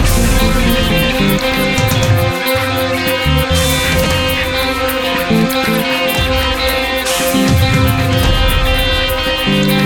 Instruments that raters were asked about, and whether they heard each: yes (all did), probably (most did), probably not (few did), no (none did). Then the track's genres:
saxophone: probably not
clarinet: no
International; Electronic